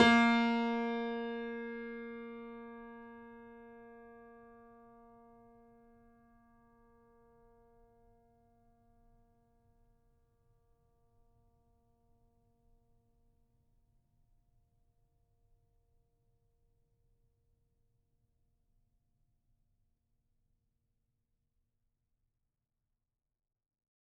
<region> pitch_keycenter=58 lokey=58 hikey=59 volume=0.392344 lovel=100 hivel=127 locc64=0 hicc64=64 ampeg_attack=0.004000 ampeg_release=0.400000 sample=Chordophones/Zithers/Grand Piano, Steinway B/NoSus/Piano_NoSus_Close_A#3_vl4_rr1.wav